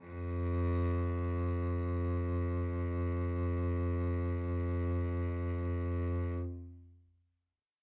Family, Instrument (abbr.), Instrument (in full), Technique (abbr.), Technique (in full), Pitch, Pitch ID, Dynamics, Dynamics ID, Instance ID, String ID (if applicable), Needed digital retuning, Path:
Strings, Vc, Cello, ord, ordinario, F2, 41, mf, 2, 3, 4, TRUE, Strings/Violoncello/ordinario/Vc-ord-F2-mf-4c-T17u.wav